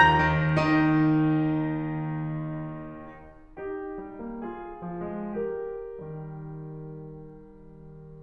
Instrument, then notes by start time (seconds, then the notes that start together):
piano
0.00 D#2 A#5 G6 A#6
0.19 C3
0.37 D#3 D#4
3.60 D#4 G4
4.04 G3
4.28 A#3
4.45 F4 G#4
4.85 F3
5.05 G#3
5.36 G4 A#4
5.77 D#3 G3